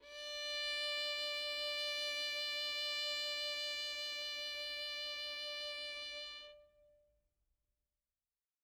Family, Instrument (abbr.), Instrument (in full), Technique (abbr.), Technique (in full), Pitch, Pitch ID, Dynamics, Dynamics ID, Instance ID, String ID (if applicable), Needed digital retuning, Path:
Strings, Vn, Violin, ord, ordinario, D5, 74, mf, 2, 1, 2, FALSE, Strings/Violin/ordinario/Vn-ord-D5-mf-2c-N.wav